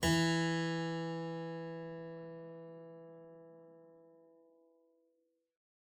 <region> pitch_keycenter=52 lokey=52 hikey=53 volume=-0.434658 offset=272 trigger=attack ampeg_attack=0.004000 ampeg_release=0.350000 amp_veltrack=0 sample=Chordophones/Zithers/Harpsichord, English/Sustains/Normal/ZuckermannKitHarpsi_Normal_Sus_E2_rr1.wav